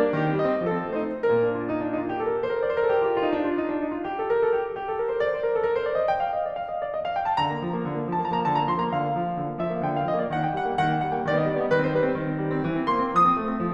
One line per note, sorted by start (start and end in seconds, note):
0.01 0.05 A#3
0.01 0.17 D5
0.06 0.17 D4
0.17 0.27 D#3
0.17 0.38 G4
0.27 0.38 C4
0.39 0.48 G3
0.39 0.61 D#5
0.49 0.61 C4
0.61 0.73 F3
0.61 0.84 A4
0.73 0.84 C4
0.84 0.93 A3
0.84 1.20 C5
0.95 1.20 D#4
1.20 1.79 A#2
1.20 1.79 A#3
1.20 1.35 A#4
1.35 1.54 D4
1.54 1.67 F4
1.68 1.79 D#4
1.81 1.91 D4
1.91 1.98 D#4
2.03 2.10 F4
2.11 2.19 G4
2.18 2.25 A4
2.26 2.33 A#4
2.33 2.43 A4
2.44 2.53 C5
2.53 2.62 A#4
2.62 2.69 D5
2.70 2.76 C5
2.77 2.85 A#4
2.86 2.95 A4
2.95 3.06 G4
3.06 3.14 F4
3.14 3.24 G4
3.24 3.40 D#4
3.41 3.56 D4
3.57 3.85 F4
3.86 3.98 D#4
3.98 4.08 F4
4.08 4.21 G4
4.21 4.28 A4
4.28 4.43 A#4
4.46 4.58 A4
4.58 4.68 G4
4.68 4.81 F4
4.81 4.92 G4
4.93 5.07 A4
5.08 5.17 A#4
5.17 5.27 C5
5.27 5.35 D5
5.36 5.43 C5
5.44 5.54 A#4
5.54 5.67 A4
5.67 5.78 A#4
5.78 5.89 C5
5.90 6.01 D5
6.01 6.12 D#5
6.12 6.24 G5
6.24 6.37 F5
6.39 6.51 D#5
6.52 6.62 D5
6.62 6.70 F5
6.70 6.83 D#5
6.84 6.95 D5
6.95 7.08 D#5
7.08 7.19 F5
7.19 7.27 G5
7.29 7.40 A5
7.40 7.52 D3
7.40 8.11 A#5
7.52 7.62 A#3
7.62 7.70 F3
7.74 7.89 A#3
7.89 7.98 D3
7.98 8.11 A#3
8.11 8.21 F3
8.11 8.21 A5
8.21 8.34 A#3
8.21 8.34 A#5
8.35 8.49 D3
8.35 8.49 A5
8.49 8.69 A#3
8.49 8.69 A#5
8.69 8.79 F3
8.69 8.79 C6
8.79 8.91 A#3
8.79 8.91 A#5
8.92 9.05 D3
8.92 9.64 F5
9.07 9.19 A#3
9.19 9.28 F3
9.28 9.40 A#3
9.41 9.48 D3
9.53 9.64 A#3
9.64 9.77 F3
9.64 9.77 E5
9.77 9.85 A#3
9.77 9.85 F5
9.85 9.96 D3
9.85 9.96 G5
9.97 10.07 A#3
9.97 10.07 F5
10.07 10.18 F3
10.07 10.18 D#5
10.18 10.28 A#3
10.18 10.28 D5
10.28 10.41 D#3
10.28 10.41 F#5
10.42 10.51 A#3
10.42 10.51 G5
10.52 10.64 G3
10.52 10.64 F#5
10.64 10.78 A#3
10.64 10.78 G5
10.78 10.87 D#3
10.78 10.87 F#5
10.88 10.99 A#3
10.88 10.99 G5
11.00 11.16 G3
11.00 11.16 F#5
11.16 11.26 A#3
11.16 11.26 G5
11.26 11.36 D#3
11.26 11.36 D5
11.36 11.45 B3
11.36 11.45 D#5
11.46 11.58 G3
11.46 11.58 D5
11.58 11.70 B3
11.58 11.70 D#5
11.70 11.85 D#3
11.70 11.85 B4
11.85 11.96 C4
11.85 11.96 C5
11.96 12.07 G3
11.96 12.07 B4
12.08 12.17 C4
12.08 12.17 C5
12.17 12.29 D#3
12.29 12.42 C4
12.42 12.52 G3
12.53 12.65 C4
12.65 12.75 E3
12.75 12.85 C4
12.85 12.95 A#3
12.85 13.08 C6
12.96 13.08 C4
13.09 13.21 D3
13.09 13.74 D#6
13.21 13.31 C4
13.31 13.43 A3
13.44 13.53 C4
13.54 13.64 D3
13.64 13.74 C4